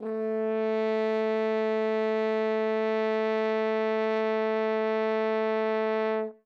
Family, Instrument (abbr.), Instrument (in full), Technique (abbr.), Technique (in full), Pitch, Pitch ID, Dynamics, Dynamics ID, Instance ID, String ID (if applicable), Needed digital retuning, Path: Brass, Hn, French Horn, ord, ordinario, A3, 57, ff, 4, 0, , FALSE, Brass/Horn/ordinario/Hn-ord-A3-ff-N-N.wav